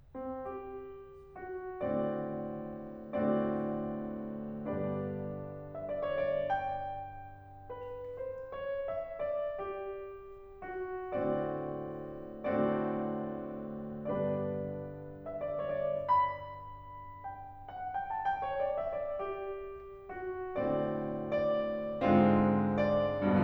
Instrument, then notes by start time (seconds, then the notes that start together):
piano
0.16 C4
0.44 G4
1.40 F#4
1.84 A2 D3 A3 C4 F#4 D5
3.38 A2 D3 A3 C4 F#4 D5
4.75 G2 D3 B3 D4 G4 B4 D5
5.72 E5
5.87 D5
6.05 C#5
6.30 D5
6.51 G5
7.81 B4
8.21 C5
8.57 C#5
8.89 E5
9.26 D5
9.60 G4
10.66 F#4
11.17 A2 D3 A3 C4 F#4 D5
12.55 A2 D3 A3 C4 F#4 D5
14.11 G2 D3 B3 D4 G4 B4 D5
15.26 E5
15.44 D5
15.64 C#5
15.80 D5
16.12 B5
17.24 G5
17.70 F#5
17.88 G5
18.05 A5
18.22 G5
18.47 C#5
18.68 D5
18.81 E5
18.97 D5
19.13 G4
20.16 F#4
20.60 A2 D3 A3 C4 F#4 D5
21.35 D5
22.02 G#2 D3 G#3 C4 F4